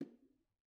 <region> pitch_keycenter=64 lokey=64 hikey=64 volume=33.269921 offset=146 lovel=0 hivel=65 seq_position=1 seq_length=2 ampeg_attack=0.004000 ampeg_release=15.000000 sample=Membranophones/Struck Membranophones/Bongos/BongoL_HitMuted2_v1_rr1_Mid.wav